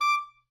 <region> pitch_keycenter=86 lokey=86 hikey=87 tune=-1 volume=13.347111 offset=30 ampeg_attack=0.004000 ampeg_release=1.500000 sample=Aerophones/Reed Aerophones/Tenor Saxophone/Staccato/Tenor_Staccato_Main_D5_vl2_rr3.wav